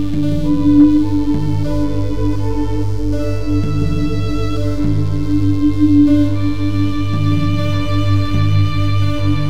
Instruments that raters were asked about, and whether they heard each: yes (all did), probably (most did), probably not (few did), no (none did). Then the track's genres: violin: yes
Experimental; Ambient; New Age